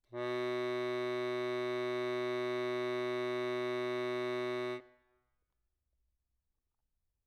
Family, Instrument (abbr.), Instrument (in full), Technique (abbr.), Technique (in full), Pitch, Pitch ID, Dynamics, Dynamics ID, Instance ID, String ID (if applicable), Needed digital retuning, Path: Keyboards, Acc, Accordion, ord, ordinario, B2, 47, mf, 2, 1, , FALSE, Keyboards/Accordion/ordinario/Acc-ord-B2-mf-alt1-N.wav